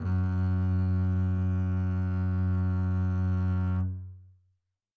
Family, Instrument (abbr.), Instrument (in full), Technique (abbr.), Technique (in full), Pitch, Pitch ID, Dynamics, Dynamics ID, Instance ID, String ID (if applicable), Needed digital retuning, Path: Strings, Cb, Contrabass, ord, ordinario, F#2, 42, mf, 2, 2, 3, TRUE, Strings/Contrabass/ordinario/Cb-ord-F#2-mf-3c-T12u.wav